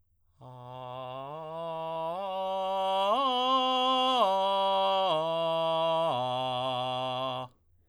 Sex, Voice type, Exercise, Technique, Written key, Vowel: male, tenor, arpeggios, straight tone, , a